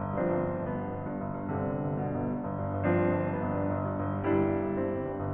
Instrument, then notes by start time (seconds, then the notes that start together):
piano
0.00 G1
0.14 G2 F3 C4 D4
0.28 G1
0.44 G2
0.57 G1 B3
0.74 G2
0.91 G1
1.04 G2
1.20 G1
1.35 G2
1.50 G1 C3 D3
1.66 G2
1.81 G1
1.96 G2 B2
2.10 G1
2.30 G2
2.46 G1
2.61 G2
2.74 G1
2.89 G2 F3 C4 D4
3.07 G1
3.18 G2
3.29 G1 B3
3.42 G2
3.56 G1
3.73 G2
3.88 G1
4.02 G2
4.19 G1 G3 D4 E4
4.33 G2
4.49 G1
4.68 G2 C4
4.86 G1
5.03 G2
5.19 G1